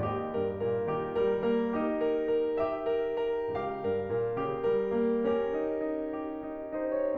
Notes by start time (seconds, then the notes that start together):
0.00 D#2 G4 D#5
0.33 G2 A#4
0.65 A#2 A#4
0.98 D#3 G4
1.23 G3 A#4
1.50 A#3 A#4
1.80 D#4 G4
2.07 A#4
2.33 A#4
2.62 G4 E5
3.00 A#4
3.29 A#4
3.56 C#2 G4 F5
3.87 G2 A#4
4.13 A#2 A#4
4.39 C#3 G4
4.68 G3 A#4
4.95 A#3 A#4
5.21 C#4 G4 A#4
5.54 D#4
5.87 D#4
6.26 G4
6.61 D#4
6.75 C5
6.86 D#4
6.95 C#5